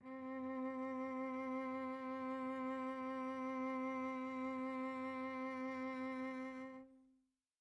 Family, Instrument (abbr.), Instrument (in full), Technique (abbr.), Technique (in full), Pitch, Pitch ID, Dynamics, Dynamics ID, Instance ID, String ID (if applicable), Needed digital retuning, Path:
Strings, Vc, Cello, ord, ordinario, C4, 60, pp, 0, 2, 3, FALSE, Strings/Violoncello/ordinario/Vc-ord-C4-pp-3c-N.wav